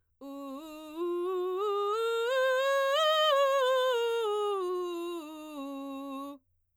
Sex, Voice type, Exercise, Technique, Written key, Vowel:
female, soprano, scales, belt, , u